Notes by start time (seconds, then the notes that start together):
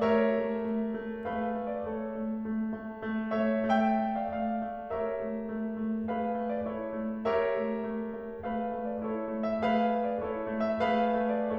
0.00 A3 G4 A#4 C#5 E5
0.27 A3
0.58 A3
0.99 A3
1.32 A3 G#4 B4 F5
1.57 A3
1.70 D5
1.85 A3 A4 C#5
2.11 A3
2.40 A3
2.74 A3
3.07 A3
3.32 A3 C#5 E5
3.66 A3 E5 G5
4.01 A3
4.16 D5 F5
4.32 A3 D5 F5
4.61 A3
4.91 A3 G4 A#4 C#5 E5
5.17 A3
5.46 A3
5.76 A3
6.10 A3 G#4 B4 F5
6.37 A3
6.51 D5
6.66 A3 E4 A4 C#5
6.95 A3
7.28 A3 G4 A#4 C#5 E5
7.55 A3
7.83 A3
8.15 A3
8.43 A3 G#4 B4 F5
8.79 A3
8.95 D5
9.10 A3 E4 A4 C#5
9.35 A3
9.46 E5
9.61 A3 G#4 B4 F5
9.95 A3
10.07 D5
10.25 A3 E4 A4 C#5
10.55 A3
10.72 E5
10.87 A3 G#4 B4 F5
11.25 A3
11.41 D5